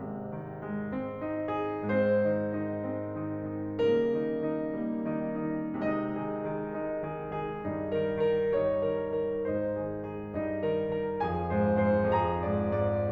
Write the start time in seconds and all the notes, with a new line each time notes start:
0.01 G#1 C3 G#3
0.33 D#3
0.59 G#3
0.89 C4
1.22 D#4
1.49 G#4
1.88 G#2 G#3 C4 C5
2.23 D#3 D#4
2.55 D#3 D#4
2.81 G#3 C4
3.15 D#3 D#4
3.42 D#3 D#4
3.84 C#3 G3 A#3 A#4
4.18 D#3 D#4
4.48 D#3 D#4
4.95 G3 A#3
5.29 D#3 D#4
5.62 D#3 D#4
5.92 C3 G#3 D#4 D#5
6.26 D#3 G#4
6.52 D#3 G#4
6.80 G#3 D#4
7.02 D#3 G#4
7.31 D#3 G#4
7.63 G2 G3 D#4
7.99 D#3 A#4
8.27 D#3 A#4
8.60 G3 D#4 C#5
8.96 D#3 A#4
9.21 D#3 A#4
9.49 G#2 G#3 D#4 C5
9.79 D#3 G#4
10.04 D#3 G#4
10.34 G2 G#3 D#4 D#5
10.66 D#3 A#4
10.94 D#3 A#4
11.24 F2 F3 G#4 G#5
11.52 G#2 C5
11.77 G#2 C5
12.13 F2 F3 G#4 A#5
12.43 G#2 D5
12.77 G#2 D5